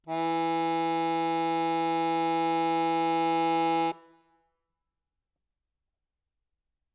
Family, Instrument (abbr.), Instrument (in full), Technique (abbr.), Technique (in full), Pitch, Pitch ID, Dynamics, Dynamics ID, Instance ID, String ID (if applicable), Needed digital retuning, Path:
Keyboards, Acc, Accordion, ord, ordinario, E3, 52, ff, 4, 1, , FALSE, Keyboards/Accordion/ordinario/Acc-ord-E3-ff-alt1-N.wav